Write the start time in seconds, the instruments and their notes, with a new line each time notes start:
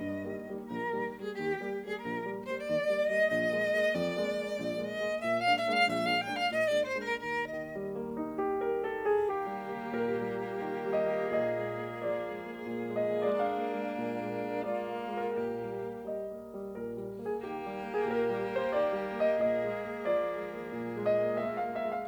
0.00 piano G2, violin D#5
0.24 piano D#3 G3 A#3
0.51 piano D#3 G3 A#3
0.73 piano A#1, violin A#4
0.93 piano D#3 G3 A#3
1.10 piano D#3 G3 A#3
1.16 violin G#4
1.35 piano D#2, violin G4
1.57 piano G3 A#3
1.74 piano G3 A#3
1.81 violin G#4
2.00 piano A#1, violin A#4
2.16 piano G3 A#3
2.33 piano G3 A#3
2.39 violin C5
2.55 piano D#2, violin D5
2.81 piano G3 A#3
3.04 piano G3 A#3
3.11 violin D#5
3.30 piano A#1, violin D#5
3.54 piano G#3 A#3
3.72 piano G#3 A#3
3.96 piano F2, violin D5
4.17 piano G#3 A#3
4.34 piano G#3 A#3
4.55 piano A#1
4.77 piano G#3 A#3
4.84 violin D#5
4.97 piano G#3 A#3
5.21 piano A#2, violin E5
5.39 violin F5
5.45 piano G#3 A#3 D4
5.57 violin E5
5.69 piano G#3 A#3 D4, violin F5
5.86 piano A#1, violin E5
6.04 violin F5
6.08 piano G#3 A#3 D4, violin G5
6.21 piano G#3 A#3 D4
6.28 violin F5
6.46 piano A#2, violin D#5
6.63 violin D5
6.69 piano G#3 A#3 D4
6.82 violin C5
6.94 piano G#3 A#3 D4, violin A#4
7.17 piano D#2, violin A#4
7.43 violin D#5
7.49 piano D#3
7.74 piano G3
7.98 piano A#3
8.19 piano D#4
8.38 piano G4
8.63 piano A#4
8.84 piano A4
9.08 piano G#4
9.30 piano D#3 G4, violin A#3 G4
9.51 piano G3
9.75 piano A#3
9.96 piano A#2 A#4
10.21 piano G3
10.45 piano A#3
10.65 piano D#3
10.83 piano G3
10.96 piano D#5
11.08 piano A#3
11.31 piano A#2 D#5, violin G#4
11.54 piano G#3
11.78 piano A#3
12.02 piano F3 D5
12.24 piano G#3
12.46 piano A#3
12.69 piano A#2
12.95 piano G#3
13.07 piano D#5
13.19 piano A#3
13.44 violin D4, piano F5
13.58 piano A#3
13.79 piano G#3
14.00 piano A#2
14.21 piano G#3
14.45 piano A#3
14.70 violin F4, piano D5
14.92 piano A#3
15.13 piano G#3
15.19 piano A#4
15.36 piano A#2 A#4, violin G4
15.58 piano G3
15.80 piano A#3
16.04 piano D#5
16.30 piano A#3
16.53 piano G3
16.73 piano A#2 A#4
16.96 piano G3
17.21 piano A#3
17.26 piano G#4
17.46 piano D#3 G4, violin A#3 G4
17.67 piano G3
17.89 piano A#3
17.95 piano G#4
18.09 piano A#2 A#4
18.32 piano G3
18.51 piano A#3
18.56 piano C5
18.72 piano D#3 D5
18.94 piano G3
19.16 piano A#3
19.21 piano D#5
19.39 piano A#2 D#5, violin G#4
19.62 piano G#3
19.81 piano A#3
20.05 piano F3 D5
20.28 piano G#3
20.54 piano A#3
20.74 piano A#2
20.99 piano G#3
21.10 piano D#5
21.22 piano A#3
21.47 violin F4, piano E5
21.58 piano F5
21.63 piano A#3
21.73 piano E5
21.85 piano G#3
21.92 piano F5